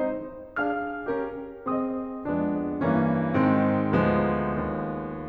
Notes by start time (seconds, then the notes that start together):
0.01 G#3 C4 D#4 C5
0.60 D4 G#4 F5 F6
1.09 C#4 G4 A#4
1.61 C4 G#4 C5 D#5 D#6
2.29 F2 G#3 B3 D4
2.83 G2 E3 A#3 C#4
3.36 G#2 D#3 G#3 C4
3.90 D2 F3 G#3 B3
4.63 D#2